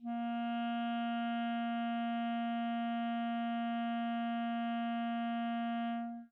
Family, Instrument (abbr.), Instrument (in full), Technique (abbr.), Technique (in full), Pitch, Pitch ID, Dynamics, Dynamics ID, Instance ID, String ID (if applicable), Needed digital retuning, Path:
Winds, ClBb, Clarinet in Bb, ord, ordinario, A#3, 58, mf, 2, 0, , FALSE, Winds/Clarinet_Bb/ordinario/ClBb-ord-A#3-mf-N-N.wav